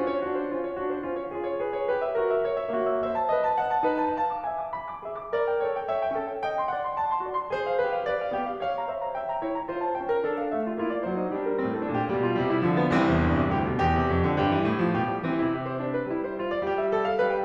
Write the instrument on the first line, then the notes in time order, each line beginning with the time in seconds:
piano
0.01 C#4 F4
1.12 C#5
1.22 F4 G#4
1.45 C#5
1.61 G#4 B4
1.75 C#5
1.92 G4 B4
2.03 E5
2.20 F#4 A#4
2.33 E5
2.46 A#4 C#5
2.57 E5
2.72 A#3 F#4
2.94 E5
3.08 C5 E5
3.19 A5
3.30 B4 D#5
3.47 A5
3.62 D#5 F#5
3.73 A5
3.85 D#4 B4
4.06 A5
4.16 F5 A5
4.32 D6
4.48 E5 G#5
4.63 D6
4.74 G#5 B5
4.91 D6
5.06 G#4 E5
5.18 C6
5.31 A#4 D5
5.47 G5
5.60 A4 C#5
5.80 G5
5.90 C#5 E5
6.01 G5
6.22 C#4 A4
6.31 G5
6.41 D#5 G5
6.59 C6
6.72 D5 F#5
6.83 C6
6.94 F#5 A5
7.08 C6
7.22 F#4 D5
7.38 C6
7.52 G#4 C5
7.65 F5
7.76 G4 B4
7.96 F5
8.11 A#4 D5
8.23 F5
8.36 A#3 G4
8.50 F5
8.63 C#5 F5
8.76 A#5
8.86 C5 E5
9.04 A#5
9.13 E5 G5
9.24 A#5
9.40 E4 C#5
9.53 A#5
9.69 F4 C5
9.83 A5
9.99 C#4 G5
10.12 A#4
10.25 D4 A4
10.43 F5
10.57 A3 E5
10.72 G4
10.81 A#3 F4
10.92 D5
11.02 F#3 C5
11.21 D#4
11.41 G3 D4
11.53 A#4
11.63 A2 C4
11.76 A4
11.86 A#2 D4
11.95 G4
12.08 B2 G3
12.22 F4
12.41 C3 G3
12.51 E4
12.67 D3 F3
12.80 B3
12.95 C2 E3 C4
13.08 E2
13.22 G2
13.38 C3
13.61 D2 G4
13.73 B2
13.86 E2 G4
14.04 C3
14.16 F2
14.31 D3
14.41 G2 G4
14.56 E3
14.74 A2
14.83 F3
14.96 B2 G4
15.08 G3
15.19 E3 C4
15.32 C3 E4
15.62 G4
15.74 C5
15.88 G3 D4
15.97 B4
16.10 G3 E4
16.26 C5
16.38 F4
16.53 D5
16.62 G3 G4
16.84 E5
16.97 A4
17.07 F5
17.18 G3 B4
17.30 G5